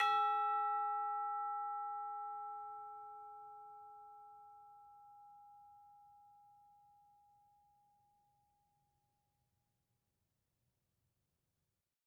<region> pitch_keycenter=76 lokey=76 hikey=76 volume=20.352581 lovel=0 hivel=83 ampeg_attack=0.004000 ampeg_release=30.000000 sample=Idiophones/Struck Idiophones/Tubular Bells 2/TB_hit_E5_v2_1.wav